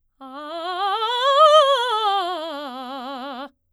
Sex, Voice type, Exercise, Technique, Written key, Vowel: female, soprano, scales, fast/articulated forte, C major, a